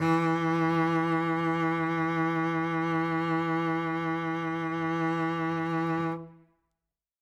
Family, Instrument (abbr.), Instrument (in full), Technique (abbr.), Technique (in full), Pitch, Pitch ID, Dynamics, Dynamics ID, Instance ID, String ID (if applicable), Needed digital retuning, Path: Strings, Vc, Cello, ord, ordinario, E3, 52, ff, 4, 3, 4, FALSE, Strings/Violoncello/ordinario/Vc-ord-E3-ff-4c-N.wav